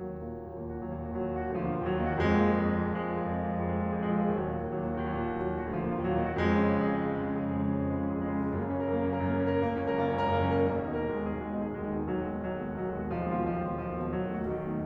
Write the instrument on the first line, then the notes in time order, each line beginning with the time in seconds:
piano
0.00 D#2 F#3
0.28 A#2 A#3
0.37 D#3 F#4
0.50 D#2 F#3
0.71 A#2 A#3
0.81 D#3 F#4
0.91 D#2 F#3
1.07 A#2 A#3
1.14 D#3 F#4
1.20 D#2 F#3
1.30 A#2 A#3
1.39 D#3 F#4
1.50 D2 F3
1.61 A#2 A#3
1.72 D3 F4
1.83 D#2 F#3
1.94 A#2 A#3
2.07 D#3 F#4
2.29 F2 G#3
2.40 A#2 A#3
2.52 F3 G#4
2.61 F2 G#3
2.71 A#2 A#3
2.79 F3 G#4
2.91 F2 G#3
3.03 A#2 A#3
3.16 F3 G#4
3.27 F2 G#3
3.38 A#2 A#3
3.46 F3 G#4
3.63 F2 G#3
3.76 A#2 A#3
3.88 F3 G#4
4.08 F2 G#3
4.20 A#2 A#3
4.31 F3 G#4
4.40 D#2 F#3
4.48 A#2 A#3
4.56 D#3 F#4
4.70 D#2 F#3
4.81 A#2 A#3
4.96 D#3 F#4
5.05 D#2 F#3
5.14 A#2 A#3
5.24 D#3 F#4
5.49 D#2 F#3
5.64 A#2 A#3
5.72 D#3 F#4
5.80 D2 F3
5.92 A#2 A#3
6.03 D3 F4
6.12 D#2 F#3
6.21 A#2 A#3
6.32 D#3 F#4
6.40 F2 G#3
6.55 C#3 C#4
6.70 F3 G#4
6.78 F2 G#3
6.87 C#3 C#4
6.98 F3 G#4
7.09 F2 G#3
7.17 C#3 C#4
7.36 F3 G#4
7.51 F2 G#3
7.62 C#3 C#4
7.73 F3 G#4
7.83 F2 G#3
7.91 C#3 C#4
8.03 F3 G#4
8.24 F2 G#3
8.38 C#3 C#4
8.46 F3 G#4
8.58 F#2 A#3
8.68 C#3 C#4
8.77 F#3 A#4
8.92 F#2 A#3
9.06 C#3 C#4
9.15 F#3 A#4
9.24 F#2 A#3
9.43 C#3 C#4
9.54 F#3 A#4
9.64 F#1 A#3
9.81 C#2 C#4
9.89 F#2 A#4
9.98 F#1 A#3
10.17 C#2 C#4
10.30 F#2 A#4
10.39 F#1 A#3
10.58 C#2 C#4
10.68 F#2 A#4
10.77 B1 A#3
10.87 D#2 D#4
11.08 B2 A#4
11.16 B1 G#3
11.25 D#2 D#4
11.35 B2 G#4
11.47 B1 G#3
11.62 D#2 D#4
11.75 B2 G#4
11.90 B1 G#3
11.99 D#2 D#4
12.09 B2 G#4
12.17 B1 F#3
12.28 D#2 G#3
12.41 B2 F#4
12.49 B1 F#3
12.57 D#2 G#3
12.67 B2 F#4
12.77 B1 F#3
12.86 D#2 G#3
12.96 B2 F#4
13.04 B1 F3
13.12 D#2 G#3
13.20 B2 F4
13.28 B1 F3
13.37 D#2 G#3
13.46 B2 F4
13.55 B1 F3
13.78 D#2 G#3
13.89 B2 F4
14.00 B1 F#3
14.14 D#2 A3
14.23 B2 F#4
14.30 B1 F#3
14.43 D#2 A3
14.72 B2 D#4